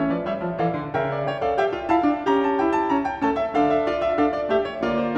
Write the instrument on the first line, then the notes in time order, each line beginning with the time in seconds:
piano
0.00 E3 C#4 C#5 E5
0.12 F3 B4 D5
0.27 G3 C#5 E5
0.41 F3
0.58 E3 A4 D5 F5
0.74 D3
0.92 C#3 A#4 E5 G5
1.15 D5
1.34 C#5 G5
1.47 A4 D5 F5
1.64 G4 E5 G5
1.76 F4
1.92 E4 F5 A5
2.07 D4
2.26 C#4 G4
2.31 A#5
2.51 A5
2.62 E4 G5
2.79 A5
2.88 C#4 A#5
3.07 G5
3.20 A3 C#4 A4 A5
3.39 E5
3.54 D3 D4 A4 F5
3.77 E5
3.90 F4 D5
4.05 E5
4.18 D4 A4 F5
4.34 D5
4.52 A3 G4 E5
4.67 C#5
4.81 D3 A#3 F4 D5
5.03 C5